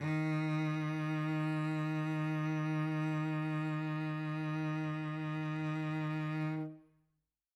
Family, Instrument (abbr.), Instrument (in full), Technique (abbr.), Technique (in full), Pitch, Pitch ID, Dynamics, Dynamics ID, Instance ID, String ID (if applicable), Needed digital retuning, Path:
Strings, Vc, Cello, ord, ordinario, D#3, 51, mf, 2, 2, 3, FALSE, Strings/Violoncello/ordinario/Vc-ord-D#3-mf-3c-N.wav